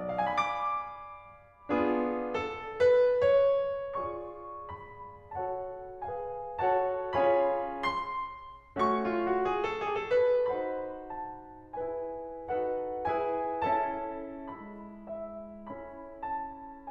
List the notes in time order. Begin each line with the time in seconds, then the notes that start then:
0.01 D5
0.12 F5
0.21 G#5
0.31 B5
0.39 D6
1.72 B3 D4 F4 G#4
2.35 A4
2.80 B4
3.24 C#5
4.00 F4 G#4 D5 C#6
4.67 B5
5.38 F#4 A4 C#5 F#5 A5
6.02 G#4 B4 F5 G#5
6.59 F#4 A4 C#5 F#5 A5
7.16 C#4 F4 G#4 C#5 F5 G#5 B5
7.77 C6
8.77 A3 C#4 F#4 C#6
9.03 F4
9.26 F#4
9.48 G#4
9.67 A4
9.86 G#4
10.07 A4
10.28 B4
10.50 D#4 F#4 C5 F#5 B5
11.13 A5
11.81 E4 G#4 B4 G#5
12.45 D#4 F#4 A4 B4 F#5
13.08 E4 G#4 B4 G#5
13.74 C#4 E4 A4 E5 A5
14.53 G#3 E4 B5
15.10 E5
15.70 C#4 E4 A4 B5
16.21 A5